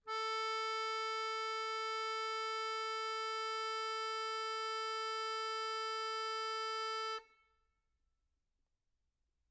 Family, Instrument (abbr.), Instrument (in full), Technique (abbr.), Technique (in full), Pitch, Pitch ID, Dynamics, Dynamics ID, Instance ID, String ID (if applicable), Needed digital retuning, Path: Keyboards, Acc, Accordion, ord, ordinario, A4, 69, mf, 2, 1, , FALSE, Keyboards/Accordion/ordinario/Acc-ord-A4-mf-alt1-N.wav